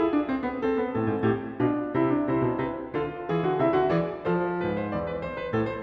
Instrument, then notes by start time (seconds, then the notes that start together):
piano
0.00 G#4 E5
0.15 D5
0.31 C5
0.48 B4
0.64 A4 C5
0.77 B4
0.92 A2 A4 C5
1.09 G#2
1.24 A2 G4
1.64 B2 F4 D5
1.94 C3 E4
2.08 D4
2.24 C3 E4 C5
2.39 B2
2.58 C3 B4
2.91 D3 F4 A4
3.26 E3 G#4
3.44 D3 F#4
3.58 C3 E4 E5
3.74 D3 F#4
3.91 E3 G#4 D5
4.25 F3 A4 C5
4.57 G#2 B4
4.79 C5
4.93 E2 D5
5.06 B4
5.22 C5
5.40 B4
5.51 A2 A4
5.68 C5